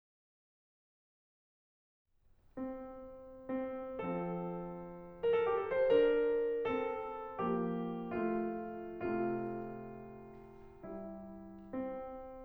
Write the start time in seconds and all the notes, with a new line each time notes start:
2.52 C4
3.68 C4
4.06 F3 C4 A4
5.12 A#4
5.25 A4
5.41 G4
5.55 A4
5.72 D4 C5
5.91 A#4
6.62 C4 A4
7.39 F3 A#3 G4
8.08 A3 F4
9.07 C3 A3 F4
10.84 G3 E4
11.66 C4